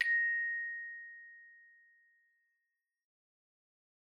<region> pitch_keycenter=94 lokey=94 hikey=95 tune=-6 volume=14.627701 offset=129 ampeg_attack=0.004000 ampeg_release=30.000000 sample=Idiophones/Struck Idiophones/Hand Chimes/sus_A#5_r01_main.wav